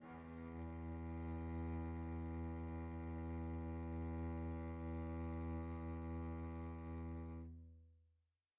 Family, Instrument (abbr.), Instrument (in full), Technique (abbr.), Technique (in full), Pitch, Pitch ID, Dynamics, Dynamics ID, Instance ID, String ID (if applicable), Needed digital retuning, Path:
Strings, Vc, Cello, ord, ordinario, E2, 40, pp, 0, 3, 4, FALSE, Strings/Violoncello/ordinario/Vc-ord-E2-pp-4c-N.wav